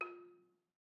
<region> pitch_keycenter=65 lokey=64 hikey=68 volume=15.610385 offset=177 lovel=66 hivel=99 ampeg_attack=0.004000 ampeg_release=30.000000 sample=Idiophones/Struck Idiophones/Balafon/Soft Mallet/EthnicXylo_softM_F3_vl2_rr1_Mid.wav